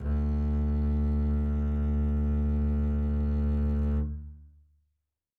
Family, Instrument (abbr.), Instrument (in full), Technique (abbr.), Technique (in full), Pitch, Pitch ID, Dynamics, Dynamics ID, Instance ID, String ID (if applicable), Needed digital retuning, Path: Strings, Cb, Contrabass, ord, ordinario, D2, 38, mf, 2, 3, 4, TRUE, Strings/Contrabass/ordinario/Cb-ord-D2-mf-4c-T14u.wav